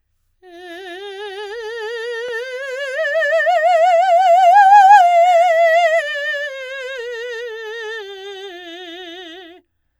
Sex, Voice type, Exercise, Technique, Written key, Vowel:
female, soprano, scales, slow/legato forte, F major, e